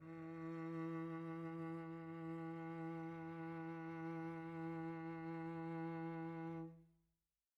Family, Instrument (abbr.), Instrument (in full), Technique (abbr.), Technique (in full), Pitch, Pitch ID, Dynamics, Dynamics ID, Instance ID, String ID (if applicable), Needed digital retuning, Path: Strings, Vc, Cello, ord, ordinario, E3, 52, pp, 0, 3, 4, FALSE, Strings/Violoncello/ordinario/Vc-ord-E3-pp-4c-N.wav